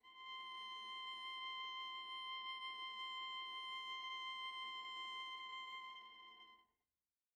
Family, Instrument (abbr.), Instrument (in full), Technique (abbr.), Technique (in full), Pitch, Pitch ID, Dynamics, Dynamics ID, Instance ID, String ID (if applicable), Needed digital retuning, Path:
Strings, Va, Viola, ord, ordinario, C6, 84, pp, 0, 1, 2, FALSE, Strings/Viola/ordinario/Va-ord-C6-pp-2c-N.wav